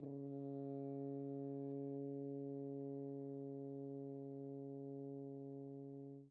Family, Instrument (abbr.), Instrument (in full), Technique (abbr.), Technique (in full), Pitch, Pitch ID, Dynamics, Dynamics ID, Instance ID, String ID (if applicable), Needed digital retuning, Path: Brass, Hn, French Horn, ord, ordinario, C#3, 49, pp, 0, 0, , FALSE, Brass/Horn/ordinario/Hn-ord-C#3-pp-N-N.wav